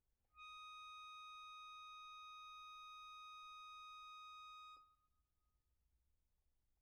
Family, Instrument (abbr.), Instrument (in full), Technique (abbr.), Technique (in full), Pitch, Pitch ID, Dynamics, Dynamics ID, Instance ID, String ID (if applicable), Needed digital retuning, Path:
Keyboards, Acc, Accordion, ord, ordinario, D#6, 87, pp, 0, 1, , FALSE, Keyboards/Accordion/ordinario/Acc-ord-D#6-pp-alt1-N.wav